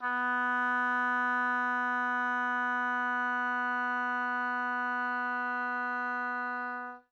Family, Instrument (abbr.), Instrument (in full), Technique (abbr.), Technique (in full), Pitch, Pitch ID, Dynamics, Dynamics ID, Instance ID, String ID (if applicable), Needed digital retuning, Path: Winds, Ob, Oboe, ord, ordinario, B3, 59, mf, 2, 0, , FALSE, Winds/Oboe/ordinario/Ob-ord-B3-mf-N-N.wav